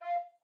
<region> pitch_keycenter=77 lokey=77 hikey=79 tune=5 volume=12.234773 offset=361 ampeg_attack=0.004000 ampeg_release=10.000000 sample=Aerophones/Edge-blown Aerophones/Baroque Bass Recorder/Staccato/BassRecorder_Stac_F4_rr1_Main.wav